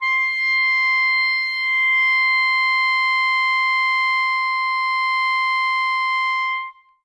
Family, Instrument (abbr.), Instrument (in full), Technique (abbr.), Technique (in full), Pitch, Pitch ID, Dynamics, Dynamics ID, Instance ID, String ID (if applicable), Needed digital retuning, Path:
Winds, ClBb, Clarinet in Bb, ord, ordinario, C6, 84, ff, 4, 0, , FALSE, Winds/Clarinet_Bb/ordinario/ClBb-ord-C6-ff-N-N.wav